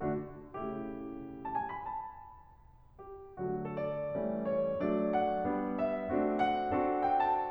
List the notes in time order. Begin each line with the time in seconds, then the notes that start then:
0.01 D3 A3 D4 F#4
0.52 C#3 A3 E4 G4
1.46 A5
1.59 G#5
1.72 B5
1.87 A5
2.96 G4
3.42 D3 F#3 A3 F#4
3.67 A4
3.75 D5
4.12 E3 G3 A3 C#4
4.43 C#5
4.82 F#3 A3 D4 D5
5.13 F#5
5.49 G3 B3 D4
5.78 E5
6.10 A3 C4 D4 F#4
6.35 F#5
6.74 C4 D4 F#4 A4
7.10 G5
7.36 A5